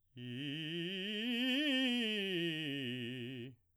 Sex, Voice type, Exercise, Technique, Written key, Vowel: male, baritone, scales, fast/articulated piano, C major, i